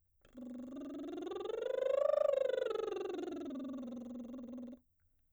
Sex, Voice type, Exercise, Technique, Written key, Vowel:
female, soprano, scales, lip trill, , u